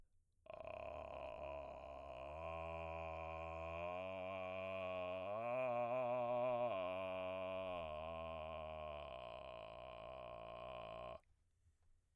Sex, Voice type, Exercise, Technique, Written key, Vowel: male, baritone, arpeggios, vocal fry, , a